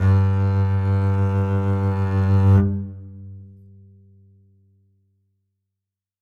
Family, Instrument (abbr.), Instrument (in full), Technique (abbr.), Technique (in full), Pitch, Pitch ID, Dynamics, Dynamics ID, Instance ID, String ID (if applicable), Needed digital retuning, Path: Strings, Cb, Contrabass, ord, ordinario, G2, 43, ff, 4, 3, 4, FALSE, Strings/Contrabass/ordinario/Cb-ord-G2-ff-4c-N.wav